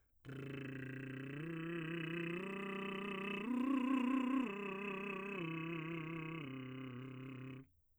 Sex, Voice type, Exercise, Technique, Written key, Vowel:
male, , arpeggios, lip trill, , e